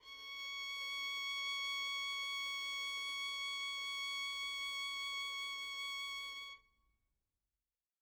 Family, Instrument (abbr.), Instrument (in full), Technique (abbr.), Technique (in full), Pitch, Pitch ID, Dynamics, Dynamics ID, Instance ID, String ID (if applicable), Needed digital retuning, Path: Strings, Vn, Violin, ord, ordinario, C#6, 85, mf, 2, 0, 1, FALSE, Strings/Violin/ordinario/Vn-ord-C#6-mf-1c-N.wav